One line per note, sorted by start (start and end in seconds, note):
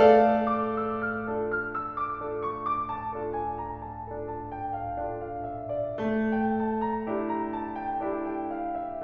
0.01 5.95 A3
0.01 0.42 A4
0.01 0.42 D5
0.01 0.42 F5
0.44 0.70 D6
0.71 0.95 E6
0.96 1.27 F6
1.28 2.28 D4
1.28 2.28 F4
1.28 2.28 A4
1.53 1.76 F6
1.78 1.94 E6
1.98 2.28 D6
2.29 3.14 D4
2.29 3.14 F4
2.29 3.14 A4
2.48 2.66 C#6
2.68 2.89 D6
2.91 3.14 A5
3.15 4.06 D4
3.15 4.06 F4
3.15 4.06 A4
3.38 3.55 G#5
3.57 3.80 A#5
3.81 4.06 A5
4.07 5.07 D4
4.07 5.07 F4
4.07 5.07 A4
4.30 4.52 A5
4.53 4.74 G5
4.77 5.07 F5
5.09 5.95 D4
5.09 5.95 F4
5.09 5.95 A4
5.30 5.47 F5
5.49 5.73 E5
5.74 5.95 D5
5.96 9.04 A3
6.39 6.60 G5
6.62 6.82 A5
6.84 7.06 A#5
7.08 8.01 D4
7.08 8.01 E4
7.08 8.01 G4
7.27 7.46 A#5
7.47 7.76 A5
7.78 8.01 G5
8.02 9.04 D4
8.02 9.04 E4
8.02 9.04 G4
8.35 8.55 G5
8.57 8.78 F5
8.79 9.04 E5